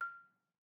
<region> pitch_keycenter=89 lokey=87 hikey=91 volume=16.573806 offset=195 lovel=0 hivel=65 ampeg_attack=0.004000 ampeg_release=30.000000 sample=Idiophones/Struck Idiophones/Balafon/Traditional Mallet/EthnicXylo_tradM_F5_vl1_rr1_Mid.wav